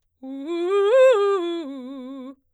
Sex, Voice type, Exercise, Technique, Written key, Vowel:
female, soprano, arpeggios, fast/articulated forte, C major, u